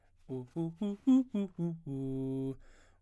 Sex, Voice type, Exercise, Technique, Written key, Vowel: male, baritone, arpeggios, fast/articulated forte, C major, u